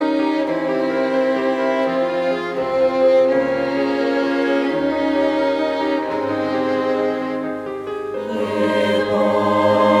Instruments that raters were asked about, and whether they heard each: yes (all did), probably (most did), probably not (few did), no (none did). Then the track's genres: violin: yes
clarinet: no
Choral Music